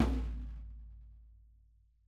<region> pitch_keycenter=65 lokey=65 hikey=65 volume=12.087756 lovel=84 hivel=106 seq_position=2 seq_length=2 ampeg_attack=0.004000 ampeg_release=30.000000 sample=Membranophones/Struck Membranophones/Snare Drum, Rope Tension/Low/RopeSnare_low_tsn_Main_vl3_rr2.wav